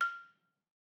<region> pitch_keycenter=89 lokey=87 hikey=91 volume=9.171672 offset=174 lovel=66 hivel=99 ampeg_attack=0.004000 ampeg_release=30.000000 sample=Idiophones/Struck Idiophones/Balafon/Traditional Mallet/EthnicXylo_tradM_F5_vl2_rr1_Mid.wav